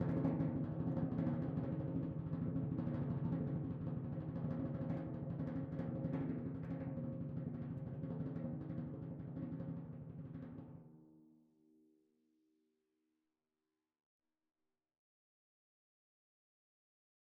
<region> pitch_keycenter=52 lokey=51 hikey=53 volume=24.221979 lovel=0 hivel=83 ampeg_attack=0.004000 ampeg_release=1.000000 sample=Membranophones/Struck Membranophones/Timpani 1/Roll/Timpani4_Roll_v3_rr1_Sum.wav